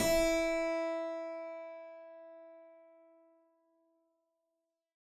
<region> pitch_keycenter=64 lokey=64 hikey=65 volume=0.360810 trigger=attack ampeg_attack=0.004000 ampeg_release=0.400000 amp_veltrack=0 sample=Chordophones/Zithers/Harpsichord, Flemish/Sustains/Low/Harpsi_Low_Far_E3_rr1.wav